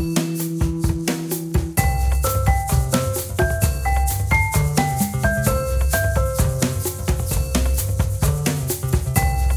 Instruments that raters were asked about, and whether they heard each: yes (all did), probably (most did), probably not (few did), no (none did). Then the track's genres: cymbals: probably
Ambient; Latin